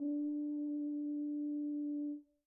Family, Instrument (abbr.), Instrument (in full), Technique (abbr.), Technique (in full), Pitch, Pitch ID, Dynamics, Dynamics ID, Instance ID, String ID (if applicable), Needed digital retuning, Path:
Brass, BTb, Bass Tuba, ord, ordinario, D4, 62, pp, 0, 0, , FALSE, Brass/Bass_Tuba/ordinario/BTb-ord-D4-pp-N-N.wav